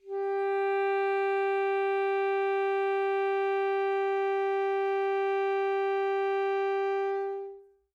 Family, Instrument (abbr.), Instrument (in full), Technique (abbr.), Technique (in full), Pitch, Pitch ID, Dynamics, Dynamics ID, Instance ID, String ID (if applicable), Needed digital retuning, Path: Winds, ASax, Alto Saxophone, ord, ordinario, G4, 67, mf, 2, 0, , FALSE, Winds/Sax_Alto/ordinario/ASax-ord-G4-mf-N-N.wav